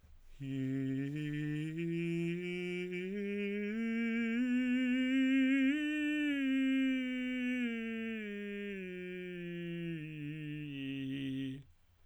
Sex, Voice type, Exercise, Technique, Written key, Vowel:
male, tenor, scales, breathy, , i